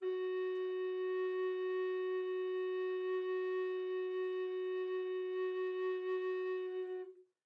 <region> pitch_keycenter=66 lokey=66 hikey=67 volume=19.390317 offset=360 ampeg_attack=0.004000 ampeg_release=0.300000 sample=Aerophones/Edge-blown Aerophones/Baroque Bass Recorder/Sustain/BassRecorder_Sus_F#3_rr1_Main.wav